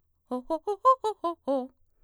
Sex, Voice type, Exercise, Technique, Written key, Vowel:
female, mezzo-soprano, arpeggios, fast/articulated piano, C major, o